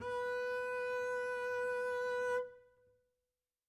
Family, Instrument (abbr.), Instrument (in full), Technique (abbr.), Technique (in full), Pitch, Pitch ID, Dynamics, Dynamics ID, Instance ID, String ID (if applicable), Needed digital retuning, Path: Strings, Cb, Contrabass, ord, ordinario, B4, 71, mf, 2, 0, 1, FALSE, Strings/Contrabass/ordinario/Cb-ord-B4-mf-1c-N.wav